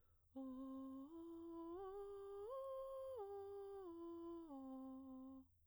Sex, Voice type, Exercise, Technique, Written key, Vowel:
female, soprano, arpeggios, breathy, , o